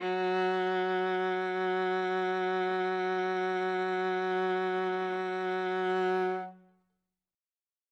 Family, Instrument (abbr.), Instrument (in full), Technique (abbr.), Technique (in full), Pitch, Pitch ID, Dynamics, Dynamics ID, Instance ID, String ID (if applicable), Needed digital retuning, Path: Strings, Va, Viola, ord, ordinario, F#3, 54, ff, 4, 3, 4, TRUE, Strings/Viola/ordinario/Va-ord-F#3-ff-4c-T17u.wav